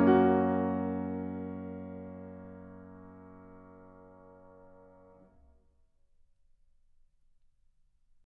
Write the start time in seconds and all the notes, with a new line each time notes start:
0.00 A#3 C#4 F#4